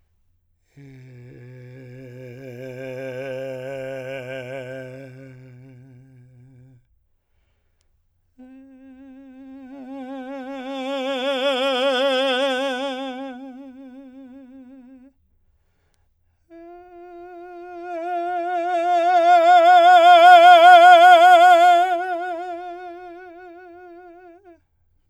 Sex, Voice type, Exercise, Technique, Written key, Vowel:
male, , long tones, messa di voce, , e